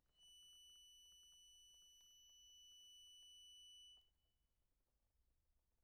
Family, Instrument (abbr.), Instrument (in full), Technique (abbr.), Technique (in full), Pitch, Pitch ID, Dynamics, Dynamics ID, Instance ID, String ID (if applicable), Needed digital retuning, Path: Keyboards, Acc, Accordion, ord, ordinario, F#7, 102, pp, 0, 2, , FALSE, Keyboards/Accordion/ordinario/Acc-ord-F#7-pp-alt2-N.wav